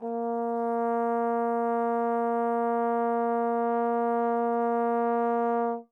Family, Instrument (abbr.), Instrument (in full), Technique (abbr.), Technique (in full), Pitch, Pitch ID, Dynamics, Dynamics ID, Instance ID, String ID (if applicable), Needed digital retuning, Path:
Brass, Tbn, Trombone, ord, ordinario, A#3, 58, mf, 2, 0, , FALSE, Brass/Trombone/ordinario/Tbn-ord-A#3-mf-N-N.wav